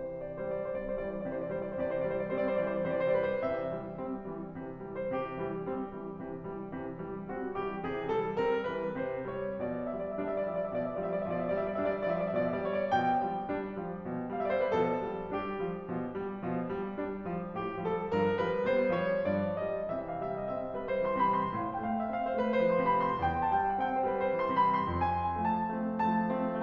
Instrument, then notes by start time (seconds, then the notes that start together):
piano
0.01 C3 E3 C5
0.38 D5
0.56 E3 G3 C5
0.68 D5
0.79 G3 C4 C5
0.93 D5
1.06 E3 G3 C5
1.17 D5
1.32 C3 E3 C5
1.49 D5
1.59 E3 G3 C5
1.72 D5
1.85 C3 E3 C5
1.96 D5
2.11 E3 G3 C5
2.22 D5
2.35 G3 C4 C5
2.48 D5
2.60 E3 G3 C5
2.76 D5
2.88 C3 E3 C5
3.00 D5
3.15 E3 G3 B4
3.26 C5
3.39 C3 E3 E5
3.73 E3 G3
3.98 G3 C4
4.30 E3 G3
4.57 C3 E3
4.86 E3 G3
5.00 C5
5.18 C3 E3 G4
5.41 E3 G3
5.65 G3 C4
6.00 E3 G3
6.22 C3 E3
6.44 E3 G3
6.73 C3 E3
7.00 E3 G3
7.19 G3 C4
7.40 E3 G3
7.59 C3 E3 F#4
7.74 E3 G3 G4
7.94 C3 E3 G#4
8.17 E3 G3 A4
8.45 G3 C4 A#4
8.70 E3 G3 B4
8.97 C3 E3 C5
9.28 E3 G3 C#5
9.56 B2 F3 D5
9.69 E5
9.89 F3 G3 D5
10.08 E5
10.19 G3 D4 D5
10.37 E5
10.50 F3 G3 D5
10.61 E5
10.73 B2 F3 D5
10.91 E5
11.04 F3 G3 D5
11.17 E5
11.33 B2 F3 D5
11.44 E5
11.55 F3 G3 D5
11.67 E5
11.77 G3 D4 D5
11.94 E5
12.04 F3 G3 D5
12.18 E5
12.32 B2 F3 D5
12.60 F3 G3 C#5 E5
12.78 D5
12.93 B2 F3 G5
13.26 F3 G3
13.50 G3 D4
13.80 F3 G3
14.09 B2 F3
14.32 F5
14.40 F3 G3 E5
14.45 D5
14.50 C5
14.61 B4
14.69 B2 F3 A4
14.95 F3 G3
15.29 G3 D4 G4
15.64 F3 G3
15.88 B2 F3
16.21 F3 G3
16.45 B2 F3
16.70 F3 G3
16.97 G3 D4
17.24 F3 G3
17.59 B2 F3 G4
17.84 F3 G3 A4
18.10 G2 F3 A#4
18.37 F3 G3 B4
18.61 G3 B3 C5
18.96 F3 G3 C#5
19.25 G2 F3 D5
19.59 F3 G3 D#5
19.90 C3 E3 E5
20.11 F5
20.21 G3 E5
20.38 D#5
20.47 C4 E5
20.67 C5
20.78 G3
20.83 B4
20.99 C5
21.05 E3
21.12 C6
21.25 B5
21.29 C3
21.37 C6
21.54 A2 F5
21.70 G5
21.84 A3 F5
22.05 E5
22.16 C4 F5
22.34 C5
22.43 A3 B4
22.63 C5
22.71 F3
22.78 C6
22.88 B5
22.93 C3
23.03 C6
23.24 E2 G5
23.38 A5
23.50 G3 G5
23.66 F#5
23.74 C4 G5
23.94 C5
24.06 G3
24.10 B4
24.25 C5
24.36 E3
24.44 C6
24.62 B5
24.67 C3
24.75 C6
24.93 F2 G#5
25.46 F3 A3 A5
25.76 A3 C4
26.02 F3 A3 A5
26.40 A3 C4